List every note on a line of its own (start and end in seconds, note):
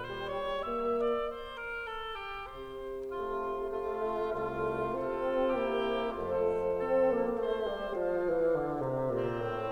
0.00 0.59 G3
0.00 0.35 C5
0.36 0.59 C#5
0.59 1.36 A#3
0.59 1.02 E5
1.02 1.36 D5
1.36 1.57 C5
1.57 1.89 A#4
1.89 2.29 A4
2.29 2.51 G4
2.51 4.02 C3
2.51 3.42 C5
3.46 4.02 A3
3.46 4.02 F4
4.02 4.48 A3
4.02 4.48 F4
4.48 4.93 C2
4.48 4.93 A3
4.48 4.92 F4
4.48 5.50 F4
4.93 5.50 C3
4.93 5.50 C4
4.93 5.49 A4
5.50 6.05 C3
5.50 6.05 A#3
5.50 6.05 E4
5.50 6.04 G4
6.05 7.44 F2
6.05 6.68 A3
6.05 6.68 F4
6.05 7.44 F4
6.05 7.42 A4
6.05 7.42 C5
6.68 7.00 C4
6.68 7.44 A4
7.00 7.44 A#3
7.44 7.65 A3
7.44 8.00 C5
7.65 8.00 G3
8.00 8.30 F3
8.00 9.02 F5
8.30 8.59 E3
8.59 8.79 D3
8.79 9.02 C3
9.02 9.46 A#2
9.02 9.72 C4
9.46 9.72 A2